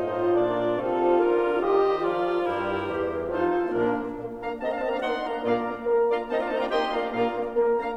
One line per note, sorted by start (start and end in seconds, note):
0.00 0.29 A2
0.00 0.29 A3
0.00 0.29 D#4
0.00 0.72 F4
0.00 0.29 C5
0.00 0.29 D#5
0.29 0.72 A#2
0.29 0.72 A#3
0.29 0.72 D4
0.29 0.72 A#4
0.29 0.72 D5
0.72 1.27 C3
0.72 1.27 C4
0.72 1.27 D#4
0.72 1.75 F4
0.72 1.27 A4
0.72 1.27 F5
1.27 1.75 D3
1.27 1.75 D4
1.27 1.75 F4
1.27 1.75 A#4
1.75 2.14 D#3
1.75 2.14 D#4
1.75 2.14 G4
1.75 2.14 C5
1.75 2.14 D#5
2.14 2.54 F3
2.14 2.54 F4
2.14 2.54 A#4
2.14 2.54 D5
2.54 2.98 G2
2.54 2.98 G3
2.54 2.98 E4
2.54 3.42 A#4
2.54 3.42 C5
2.98 3.42 E2
2.98 3.42 E3
2.98 3.42 G4
3.42 3.72 F2
3.42 3.72 F3
3.42 3.72 D#4
3.42 3.72 F4
3.42 3.72 A4
3.42 3.72 C5
3.72 4.23 A#2
3.72 3.98 A#3
3.72 4.23 A#3
3.72 4.23 D4
3.72 4.23 A#4
3.98 4.23 A#3
4.23 4.41 A#2
4.23 4.41 A#3
4.41 4.60 A#3
4.41 4.60 D4
4.41 4.60 F5
4.41 4.60 A#5
4.60 4.88 A#3
4.60 4.74 C4
4.60 4.74 D#5
4.60 4.74 A5
4.74 4.88 D4
4.74 4.88 F5
4.74 4.88 A#5
4.88 5.12 A#3
4.88 5.00 C4
4.88 5.00 D#5
4.88 5.00 A5
5.00 5.12 D4
5.00 5.12 F5
5.00 5.12 A#5
5.12 5.28 A#3
5.12 5.28 D#4
5.12 5.28 F#5
5.12 5.28 C6
5.28 5.40 A#3
5.28 5.40 D4
5.28 5.40 F5
5.28 5.40 A#5
5.40 5.76 A#2
5.40 5.58 A#3
5.40 5.76 D4
5.40 5.76 F4
5.40 5.76 D5
5.40 5.76 F5
5.40 5.76 A#5
5.58 5.76 A#3
5.76 5.98 A#3
5.76 5.98 A#4
5.98 6.26 A#3
5.98 6.26 D4
5.98 6.26 F4
5.98 6.26 D5
5.98 6.26 F5
5.98 6.26 A#5
6.26 6.48 A#3
6.26 6.37 C4
6.26 6.37 D#4
6.26 6.37 C5
6.26 6.37 D#5
6.26 6.37 A5
6.37 6.48 D4
6.37 6.48 F4
6.37 6.48 D5
6.37 6.48 F5
6.37 6.48 A#5
6.48 6.71 A#3
6.48 6.59 C4
6.48 6.59 D#4
6.48 6.59 C5
6.48 6.59 D#5
6.48 6.59 A5
6.59 6.71 D4
6.59 6.71 F4
6.59 6.71 D5
6.59 6.71 F5
6.59 6.71 A#5
6.71 6.94 A#3
6.71 6.94 D#4
6.71 6.94 G4
6.71 6.94 D#5
6.71 6.94 G5
6.71 6.94 C6
6.94 7.08 A#3
6.94 7.08 D4
6.94 7.08 F4
6.94 7.08 D5
6.94 7.08 F5
6.94 7.08 A#5
7.08 7.49 A#2
7.08 7.27 A#3
7.08 7.49 D4
7.08 7.49 F4
7.08 7.49 D5
7.08 7.49 F5
7.08 7.49 A#5
7.27 7.49 A#3
7.49 7.72 A#3
7.49 7.72 A#4
7.72 7.96 A#3
7.72 7.96 D4
7.72 7.96 F5
7.72 7.96 A#5